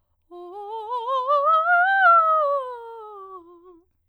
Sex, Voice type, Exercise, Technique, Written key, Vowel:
female, soprano, scales, fast/articulated piano, F major, o